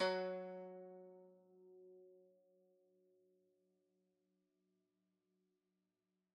<region> pitch_keycenter=54 lokey=53 hikey=55 volume=15.210251 lovel=0 hivel=65 ampeg_attack=0.004000 ampeg_release=0.300000 sample=Chordophones/Zithers/Dan Tranh/Normal/F#2_mf_1.wav